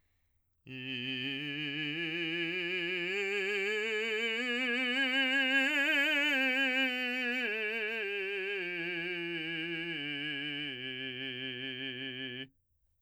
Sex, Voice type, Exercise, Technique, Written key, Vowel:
male, , scales, slow/legato forte, C major, i